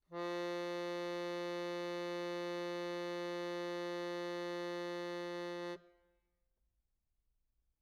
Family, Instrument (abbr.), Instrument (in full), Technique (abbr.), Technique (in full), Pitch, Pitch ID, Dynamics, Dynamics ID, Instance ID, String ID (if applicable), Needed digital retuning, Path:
Keyboards, Acc, Accordion, ord, ordinario, F3, 53, mf, 2, 0, , FALSE, Keyboards/Accordion/ordinario/Acc-ord-F3-mf-N-N.wav